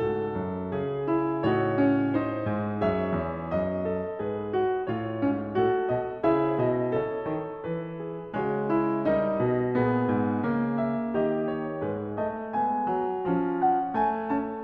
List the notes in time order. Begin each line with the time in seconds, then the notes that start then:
0.00 G#2 F#4 A4
0.38 F#2
0.74 C#3 G#4
1.09 E4
1.49 A2 D#4 F#4 C#5
1.76 C#4
2.12 D#4 C5
2.46 G#2
2.83 F#2 G#4 C#5 E5
3.24 E2
3.52 F#2 D#5
3.87 A4
4.21 G#2 G#4 B4
4.55 F#4
4.85 A2 F4 C#5
5.21 G#2 C#4
5.56 A2 F#4 A4
5.90 B2 D#5
6.23 C#3 E4 G#4 E5
6.56 B2 D#5
6.94 C#3 A4 C#5
7.24 D#3
7.65 E3 B4
7.98 G#4
8.34 C#3 G#3 F#4 G#4 C#5
8.66 E4
9.06 G3 D#4 A#4 D#5
9.38 B2
9.79 A#2 B3 G#4
10.11 G#2
10.45 C#3 A#3
10.79 E5
11.13 D#3 G4 D#5
11.47 C#5
11.82 G#2 G#3 G#4 B4
12.20 A3 D#5
12.52 G#3 B3 G#5
12.89 F#3
13.24 F3 C#4
13.57 F#5
13.93 A3 G#5
14.30 C#4 A5